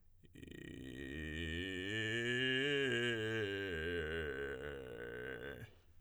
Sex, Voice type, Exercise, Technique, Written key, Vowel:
male, tenor, scales, vocal fry, , i